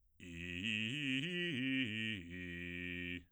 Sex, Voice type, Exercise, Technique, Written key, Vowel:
male, bass, arpeggios, fast/articulated piano, F major, i